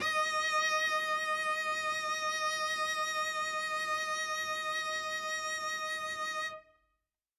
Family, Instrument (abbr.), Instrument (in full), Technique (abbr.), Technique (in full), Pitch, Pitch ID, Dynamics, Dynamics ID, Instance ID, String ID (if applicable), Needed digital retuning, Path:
Strings, Vc, Cello, ord, ordinario, D#5, 75, ff, 4, 0, 1, FALSE, Strings/Violoncello/ordinario/Vc-ord-D#5-ff-1c-N.wav